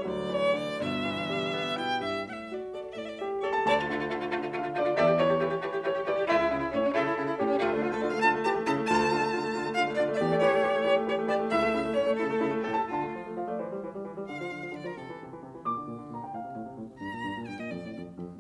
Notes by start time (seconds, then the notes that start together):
0.00 D2 F#3 D5
0.29 E3 C#5
0.60 D3 D5
0.81 G1 B2 E5
1.07 E3
1.31 G3
1.59 B3
1.80 B2 E4 G5
2.01 G2 G4 E5
2.19 F#5
2.28 A2 E5
2.53 F#4 D5
2.77 A4 D5
3.00 A2 A3 D5
3.07 E5
3.13 D5
3.20 G4 E5
3.44 A4 C#5
3.55 A5
3.69 D2 D5 A5
3.80 A3 F4
3.92 D3 A3 F4
4.04 A3 F4
4.13 D3 A3 F4
4.28 A3 F4
4.39 D3 A3 F4
4.48 A3 F4
4.59 D3 A3 F4 F5
4.69 A3 F4
4.81 D3 A3 F4 D5
4.90 A3 F4
4.95 E5
4.99 E2 A3 G4 D5
5.11 A3 G4
5.20 E3 A3 G4 C#5
5.39 A3 G4
5.48 E3 A3 G4
5.58 A3 G4
5.69 E3 A3 G4
5.78 A3 G4
5.89 E3 A3 G4 C#5
5.98 A3 G4
6.07 E3 A3 G4 D5
6.20 A3 G4
6.29 C#2 A3 E4 E5
6.39 A3 E4
6.50 C#3 A3 E4
6.59 A3 E4
6.72 A2 C#4 C#5
6.83 C#4
6.92 C#3 A3 E4 A4
7.04 A3 E4
7.14 C#3 A3 E4
7.29 A3 E4
7.41 A2 C#4 G4
7.50 C#4
7.60 D2 A3 F4
7.70 A3 D4
7.81 D3 F4
7.91 A3 A4
8.00 D3 F4 D5
8.14 A3 F5
8.23 D3 F4 A5
8.32 A3
8.46 E3 G4 A5
8.56 A3
8.68 C#3 E4 A5
8.79 A3
8.90 D2 F4 A5
9.02 A3
9.11 D3 F4
9.24 A3
9.33 D3 F4
9.43 A3
9.54 D3 F4
9.65 A3
9.75 D3 F4 F5
9.85 A3
9.95 D3 F4 D5
10.11 A3
10.17 E5
10.23 E2 G4 D5
10.32 A3
10.44 E3 G4 C#5
10.54 A3
10.65 E3 G4
10.76 A3
10.88 E3 G4
10.99 A3
11.09 E3 G4 C#5
11.22 A3
11.31 E3 G4 D5
11.42 A3
11.53 C#2 E4 E5
11.63 A3
11.77 C#3 E4
11.87 A3
11.96 A2 C#4 C#5
12.06 A3
12.16 C#3 E4 A4
12.29 A3
12.45 C#3 E4
12.55 A3
12.65 A2 G4 A4
12.76 A5
12.89 D3 F4 A5
13.00 A3
13.14 F3
13.29 A3
13.40 F3 F5
13.48 A3 D5
13.58 E3 C5
13.72 G3
13.84 E3
13.93 G3
14.02 E3
14.13 G3
14.23 D3 F5
14.37 F3
14.47 D3
14.58 F3
14.71 D3 D5
14.80 F3 A#4
14.90 C3 A4
15.02 E3
15.13 C3
15.24 E3
15.34 C3
15.43 E3
15.58 A#2 D6
15.75 D3
15.88 A#2
16.04 D3
16.14 A#2 A#5
16.24 D3 G5
16.34 A2 F5
16.47 C3
16.56 A2
16.65 C3
16.78 A2
16.87 C3
17.01 G2 A#5
17.14 A#2
17.23 G2
17.35 A#2
17.44 G2 G5
17.57 A#2 D#5
17.67 F2 D5
17.76 A2
17.87 F2
17.96 A2
18.05 F2
18.24 A2